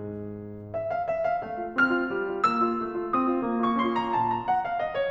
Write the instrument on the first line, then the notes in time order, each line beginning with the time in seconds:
piano
0.00 G#2
0.78 E5
0.92 F5
1.13 E5
1.27 F5
1.45 A3 F5
1.59 F4
1.71 C4 F6
2.00 F4
2.12 G3
2.28 F4
2.43 A#3 E6
2.62 F4
2.81 A3
2.97 F4
3.16 C4 D#6
3.31 F4
3.45 A#3
3.58 F4 C#6
3.75 C#4 C6
3.94 F4 A#5
4.13 A#2 A5
4.25 A#5
4.40 F#5
4.56 F5
4.74 D#5
4.93 C#5